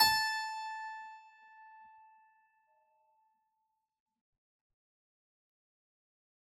<region> pitch_keycenter=81 lokey=81 hikey=81 volume=1.670768 trigger=attack ampeg_attack=0.004000 ampeg_release=0.400000 amp_veltrack=0 sample=Chordophones/Zithers/Harpsichord, Unk/Sustains/Harpsi4_Sus_Main_A4_rr1.wav